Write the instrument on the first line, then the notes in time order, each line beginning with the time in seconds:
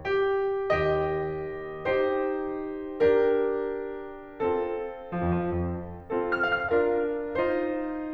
piano
0.01 G4
0.38 D#3
0.46 D#2
0.58 D#3
0.69 D#2 G4 D#5
1.92 D#4 G4 C5
3.07 D4 G4 A#4
4.42 C4 F4 A4
5.13 F3
5.27 F2
5.36 F3
5.47 F2
6.03 C4 F4 A4
6.34 F6
6.46 F5
6.62 F6
6.73 D4 F4 A#4 F5
7.40 D#4 F4 C5